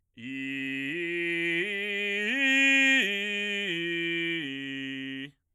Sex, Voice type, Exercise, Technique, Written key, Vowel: male, bass, arpeggios, belt, , i